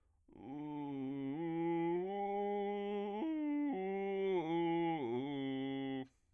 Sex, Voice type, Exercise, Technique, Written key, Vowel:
male, bass, arpeggios, vocal fry, , u